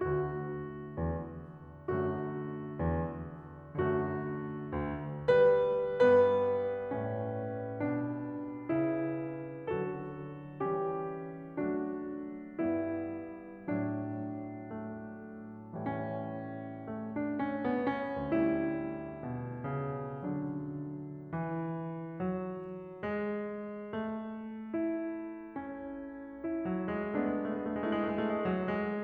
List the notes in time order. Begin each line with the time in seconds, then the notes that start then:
0.01 D2 D3 A3 F#4
0.88 E2
1.90 F#2 D3 A3 F#4
2.79 E2
3.83 F#2 D3 A3 F#4
4.53 D2
5.31 G3 B4
6.04 G2 G3 B3 B4
6.93 A2 C#4
7.78 B2 D4
8.71 C#3 E4
9.76 D3 F#3 F#4 A4
10.62 E3 G3 C#4 G4
11.57 F#3 A3 D4 F#4
12.57 G2 G3 B3 E4
13.69 A2 F#3 D4
14.79 A3
15.95 A2 G3
17.01 A3 D4
17.36 C#4
17.63 B3
17.87 C#4
18.23 D2 G3 A3 E4
19.22 B2
19.64 C#3
20.31 D3 F#3 D4
21.26 E3
22.17 F#3
23.04 G#3
23.86 A3
24.72 E4
25.62 C#4
26.42 E4
26.71 F#3
26.87 G#3
27.12 G#3 B3 D4
27.27 A3
27.54 G#3
27.61 A3
27.72 G#3
27.81 A3
27.93 G#3
28.00 A3
28.08 G#3 E4
28.39 A3
28.51 G#3
28.60 A3
28.68 G#3
28.75 A3
28.86 F#3
28.96 G#3